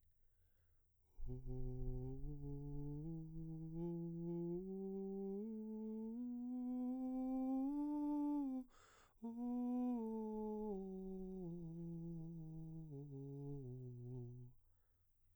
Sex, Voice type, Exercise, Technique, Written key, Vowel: male, baritone, scales, breathy, , u